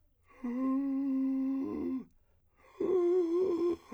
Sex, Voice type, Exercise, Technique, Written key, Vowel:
male, , long tones, inhaled singing, , u